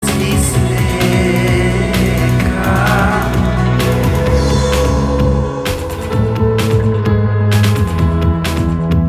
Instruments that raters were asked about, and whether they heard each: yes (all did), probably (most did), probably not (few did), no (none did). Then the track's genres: voice: yes
Experimental Pop; Singer-Songwriter; Sound Poetry